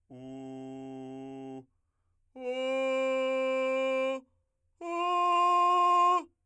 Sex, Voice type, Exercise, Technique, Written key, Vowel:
male, , long tones, straight tone, , u